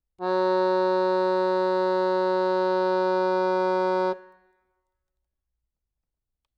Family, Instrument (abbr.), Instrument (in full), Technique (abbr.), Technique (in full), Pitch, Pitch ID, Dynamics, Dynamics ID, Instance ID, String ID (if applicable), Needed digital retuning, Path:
Keyboards, Acc, Accordion, ord, ordinario, F#3, 54, ff, 4, 0, , FALSE, Keyboards/Accordion/ordinario/Acc-ord-F#3-ff-N-N.wav